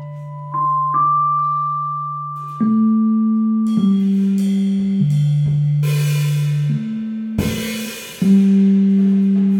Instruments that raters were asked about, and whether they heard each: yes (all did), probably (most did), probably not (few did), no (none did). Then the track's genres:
mallet percussion: probably
cymbals: yes
Avant-Garde; Blues; Jazz; Experimental